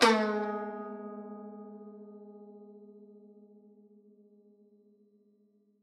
<region> pitch_keycenter=56 lokey=56 hikey=57 volume=1.435711 lovel=100 hivel=127 ampeg_attack=0.004000 ampeg_release=0.300000 sample=Chordophones/Zithers/Dan Tranh/Normal/G#2_ff_1.wav